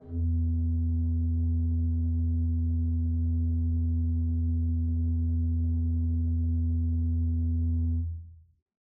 <region> pitch_keycenter=40 lokey=40 hikey=41 offset=461 ampeg_attack=0.004000 ampeg_release=0.300000 amp_veltrack=0 sample=Aerophones/Edge-blown Aerophones/Renaissance Organ/8'/RenOrgan_8foot_Room_E1_rr1.wav